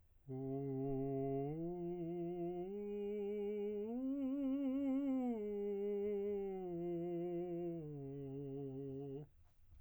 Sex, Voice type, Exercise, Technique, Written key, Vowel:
male, tenor, arpeggios, slow/legato piano, C major, u